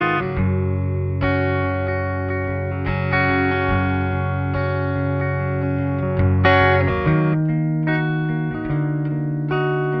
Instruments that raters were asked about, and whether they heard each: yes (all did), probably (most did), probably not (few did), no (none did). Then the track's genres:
flute: no
cello: no
guitar: yes
voice: no
Folk